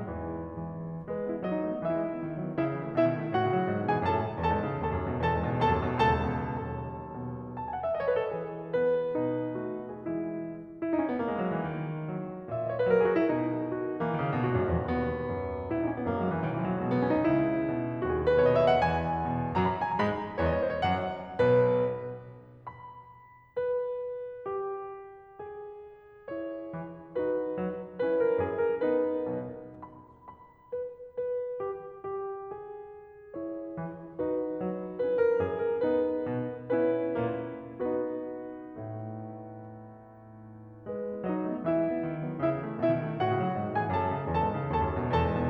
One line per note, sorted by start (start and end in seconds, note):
0.00 0.64 G#2
0.00 0.64 B2
0.00 0.64 E3
0.65 1.07 E3
1.07 1.17 G#3
1.07 1.40 B4
1.17 1.29 B3
1.29 1.40 E4
1.42 1.53 F#3
1.42 1.82 D#4
1.42 1.82 D#5
1.53 1.67 A3
1.67 1.82 B3
1.82 1.93 E3
1.82 2.57 E4
1.82 2.57 E5
1.93 2.07 G#3
2.07 2.18 B3
2.18 2.32 D#3
2.32 2.44 F#3
2.44 2.57 B3
2.57 2.67 C#3
2.57 2.97 E4
2.57 2.97 E5
2.67 2.81 E3
2.82 2.97 A3
2.97 3.11 B2
2.97 3.34 E4
2.97 3.34 E5
3.11 3.23 D#3
3.23 3.34 G#3
3.36 3.48 A2
3.36 3.89 F#4
3.36 3.89 F#5
3.48 3.60 C#3
3.61 3.70 F#3
3.70 3.83 G#2
3.84 3.90 B2
3.89 4.02 E3
3.89 4.02 G#4
3.89 4.02 G#5
4.03 4.13 F#2
4.03 4.40 A4
4.03 4.40 A5
4.13 4.25 A2
4.26 4.40 D#3
4.40 4.52 E2
4.40 4.83 A4
4.40 4.83 A5
4.53 4.64 G#2
4.64 4.83 C#3
4.84 4.97 D#2
4.84 5.27 A4
4.84 5.27 A5
4.97 5.10 F#2
5.11 5.27 B2
5.27 5.41 E2
5.27 5.70 A4
5.27 5.70 A5
5.42 5.57 G#2
5.57 5.70 C#3
5.71 5.85 D#2
5.71 6.18 A4
5.71 6.18 A5
5.85 5.99 F#2
5.99 6.18 B2
6.18 6.32 C#2
6.18 6.65 A4
6.18 6.65 A5
6.32 6.47 E2
6.47 6.65 B2
6.65 7.56 B1
6.65 7.14 D#2
6.65 7.56 A4
6.65 7.56 A5
7.14 7.56 B2
7.56 7.67 A5
7.67 7.77 G#5
7.78 7.85 F#5
7.85 7.89 E5
7.89 7.98 D#5
7.98 8.07 C#5
8.07 8.17 B4
8.19 8.31 A4
8.31 9.14 E3
8.31 9.14 G#4
8.73 9.59 B3
8.73 9.59 B4
9.14 10.02 B2
9.14 10.02 D#4
9.60 10.02 A3
9.60 9.90 F#4
9.90 10.02 G#4
10.02 10.36 E3
10.02 10.36 G#3
10.02 10.36 E4
10.81 10.90 E4
10.90 10.99 D#4
10.99 11.08 C#4
11.09 11.20 B3
11.20 11.33 A#3
11.33 11.42 G#3
11.44 11.53 F#3
11.53 11.62 E3
11.63 12.07 D#3
12.07 12.47 F#3
12.48 12.91 A#2
12.48 12.61 E5
12.61 12.71 D#5
12.71 12.78 C#5
12.79 12.91 B4
12.91 13.26 F#3
12.91 12.99 A#4
12.99 13.07 G#4
13.07 13.18 F#4
13.18 13.26 E4
13.27 14.00 B2
13.27 13.68 D#4
13.68 14.00 F#4
14.01 14.13 E3
14.01 14.48 A#3
14.13 14.25 D#3
14.26 14.36 C#3
14.36 14.48 B2
14.48 14.58 A#2
14.48 14.92 F#4
14.59 14.69 G#2
14.69 14.83 F#2
14.83 14.92 E2
14.92 15.31 D#2
14.92 15.70 B3
15.31 15.70 F#2
15.70 16.07 A#1
15.70 15.79 E4
15.79 15.86 D#4
15.87 15.96 C#4
15.96 16.07 B3
16.08 16.43 F#2
16.08 16.15 A#3
16.15 16.24 G#3
16.24 16.34 F#3
16.35 16.43 E3
16.43 17.23 B1
16.43 16.53 D#3
16.53 16.61 E3
16.63 16.71 F#3
16.71 16.80 G#3
16.81 17.23 B2
16.81 16.88 A#3
16.88 17.00 B3
17.00 17.09 C#4
17.10 17.23 D#4
17.23 18.04 C#2
17.23 18.04 C#3
17.23 18.04 E4
17.61 18.04 B2
18.04 18.81 D#2
18.04 18.81 D#3
18.04 18.11 F#4
18.12 18.20 G#4
18.20 18.31 A#4
18.31 18.40 B4
18.41 18.81 B2
18.41 18.52 C#5
18.52 18.58 D#5
18.59 18.68 E5
18.68 18.81 F#5
18.81 19.57 E2
18.81 19.57 E3
18.81 19.57 G#5
19.26 19.57 B2
19.57 19.98 F#2
19.57 19.98 F#3
19.57 19.67 A#5
19.62 19.71 B5
19.68 19.77 A#5
19.73 19.82 B5
19.77 19.84 G#5
19.85 19.98 A#5
19.98 20.41 G#2
19.98 20.41 G#3
19.98 20.41 B5
20.43 20.83 E2
20.43 20.83 E3
20.43 20.54 C#5
20.48 20.58 D#5
20.54 20.63 C#5
20.58 20.67 D#5
20.63 20.71 C5
20.72 20.83 C#5
20.83 21.37 F#2
20.83 21.37 F#3
20.83 21.37 F#5
21.39 22.07 B1
21.39 22.07 B2
21.39 22.07 B4
22.67 23.57 B5
23.58 24.46 B4
24.46 25.40 G4
25.40 27.10 G#4
26.26 27.10 E4
26.26 27.10 C#5
26.70 27.10 E3
27.10 27.98 D#4
27.10 27.98 F#4
27.10 27.98 B4
27.54 27.98 F#3
27.98 28.84 C#4
27.98 28.84 E4
27.98 28.18 B4
28.18 28.42 A#4
28.43 28.84 F#2
28.43 28.63 G#4
28.64 28.84 A#4
28.84 29.86 B3
28.84 29.86 D#4
28.84 29.86 B4
29.35 29.86 B1
29.35 29.86 B2
29.86 30.28 B5
30.28 30.72 B5
30.73 31.11 B4
31.11 31.63 B4
31.64 32.19 G4
32.19 32.55 G4
32.57 34.18 G#4
33.39 34.18 E4
33.39 34.18 C#5
33.80 34.18 E3
34.18 35.03 D#4
34.18 35.03 F#4
34.18 35.03 B4
34.61 35.03 F#3
35.03 35.82 C#4
35.03 35.82 E4
35.03 35.25 B4
35.26 35.46 A#4
35.47 35.82 F#2
35.47 35.63 G#4
35.63 35.82 A#4
35.82 36.64 B3
35.82 36.64 D#4
35.82 36.64 B4
36.28 36.64 B2
36.64 37.88 B3
36.64 37.88 C#4
36.64 37.88 E4
36.64 37.88 B4
37.20 37.88 A#2
37.20 37.88 A#3
37.89 40.83 B3
37.89 40.83 D#4
37.89 40.83 F#4
37.89 40.83 B4
38.77 40.83 A2
38.77 40.83 A3
40.84 40.98 G#3
40.84 41.23 B4
40.98 41.10 B3
41.11 41.23 E4
41.23 41.34 F#3
41.23 41.61 D#4
41.23 41.61 D#5
41.34 41.49 A3
41.49 41.61 B3
41.61 41.77 E3
41.61 42.38 E4
41.61 42.38 E5
41.77 41.88 G#3
41.88 42.04 B3
42.04 42.20 D#3
42.20 42.30 F#3
42.30 42.38 B3
42.38 42.48 C#3
42.38 42.75 E4
42.38 42.75 E5
42.49 42.63 E3
42.63 42.75 A3
42.76 42.90 B2
42.76 43.19 E4
42.76 43.19 E5
42.90 43.05 D#3
43.06 43.19 G#3
43.19 43.32 A2
43.19 43.76 F#4
43.19 43.76 F#5
43.33 43.44 C#3
43.44 43.57 F#3
43.60 43.71 G#2
43.71 43.80 B2
43.76 43.93 G#4
43.76 43.93 G#5
43.82 43.93 E3
43.93 44.07 F#2
43.93 44.32 A4
43.93 44.32 A5
44.08 44.21 A2
44.21 44.32 D#3
44.33 44.45 E2
44.33 44.72 A4
44.33 44.72 A5
44.45 44.57 G#2
44.58 44.72 C#3
44.72 44.86 D#2
44.72 45.12 A4
44.72 45.12 A5
44.87 44.98 F#2
44.98 45.12 B2
45.14 45.26 E2
45.14 45.50 A4
45.14 45.50 A5
45.26 45.38 G#2
45.38 45.50 C#3